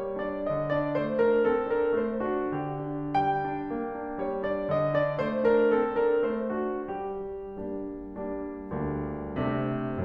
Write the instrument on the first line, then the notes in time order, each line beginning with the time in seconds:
piano
0.01 G3 C#5
0.23 D4 D5
0.44 D3 D#5
0.70 D4 D5
1.00 A3 C5
1.24 D4 A#4
1.49 C4 A4
1.69 D4 A#4
1.99 A3 C5
2.27 D4 F#4
2.55 D3 G4
2.82 D4
3.16 G3 G5
3.52 D4
3.76 A#3
4.01 D4
4.29 G3 C#5
4.53 D4 D5
4.73 D3 D#5
4.95 D4 D5
5.21 A3 C5
5.46 D4 A#4
5.71 C4 A4
5.92 D4 A#4
6.23 A3 C5
6.55 D4 F#4
6.88 G3 G4
7.61 G3 A#3 D4
8.21 G3 A#3 D4
8.74 D2 G3 A#3 D4
9.40 C3 A3 C4 D4